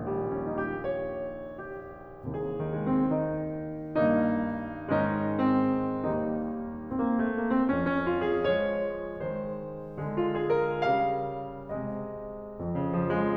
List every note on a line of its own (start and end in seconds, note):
0.00 2.37 A#1
0.00 2.37 D#2
0.00 2.37 A#2
0.00 0.23 G3
0.29 0.49 C#4
0.50 0.67 D#4
0.68 0.81 G4
0.82 1.67 C#5
1.68 2.37 G4
2.38 3.99 C2
2.38 3.99 D#2
2.38 3.99 C3
2.38 2.57 G#4
2.59 2.76 D#3
2.77 2.94 G#3
2.96 3.20 C4
3.22 3.99 D#4
4.01 4.97 G2
4.01 4.97 D#3
4.01 4.97 A#3
4.01 4.97 D#4
4.99 5.94 G#2
4.99 5.94 D#3
4.99 5.94 G#3
4.99 5.36 C#4
4.99 5.94 D#4
5.39 5.94 C4
5.97 6.86 D#2
5.97 6.86 D#3
5.97 6.86 G3
5.97 6.86 A#3
5.97 6.86 D#4
6.87 6.98 C4
6.99 7.12 A#3
7.13 7.30 A3
7.31 7.53 A#3
7.55 7.70 C4
7.71 8.48 F2
7.71 7.87 C#4
7.89 8.02 C#4
8.05 8.25 F4
8.27 8.48 G#4
8.49 9.23 F3
8.49 9.23 G#3
8.49 9.23 C#5
9.25 9.96 D#3
9.25 9.96 G#3
9.25 9.58 C5
9.97 10.75 D3
9.97 10.75 G#3
10.21 10.41 F4
10.43 10.57 G#4
10.58 10.75 A#4
10.77 11.76 C#3
10.77 11.76 G3
10.77 11.76 F5
11.77 12.59 C3
11.77 12.59 G#3
11.77 12.16 D#5
12.60 13.36 F2
12.78 12.93 C#3
12.96 13.12 F3
13.13 13.36 G#3